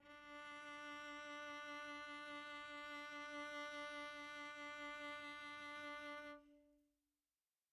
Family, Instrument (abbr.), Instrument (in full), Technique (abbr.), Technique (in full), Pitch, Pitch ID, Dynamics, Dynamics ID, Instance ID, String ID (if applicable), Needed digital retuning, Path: Strings, Vc, Cello, ord, ordinario, D4, 62, pp, 0, 0, 1, FALSE, Strings/Violoncello/ordinario/Vc-ord-D4-pp-1c-N.wav